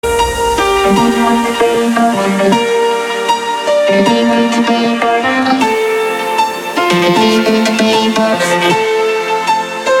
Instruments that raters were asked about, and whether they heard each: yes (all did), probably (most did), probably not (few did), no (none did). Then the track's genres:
ukulele: probably not
Electronic; Drum & Bass; Dubstep